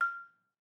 <region> pitch_keycenter=89 lokey=87 hikey=91 volume=7.255272 offset=177 lovel=100 hivel=127 ampeg_attack=0.004000 ampeg_release=30.000000 sample=Idiophones/Struck Idiophones/Balafon/Soft Mallet/EthnicXylo_softM_F5_vl3_rr1_Mid.wav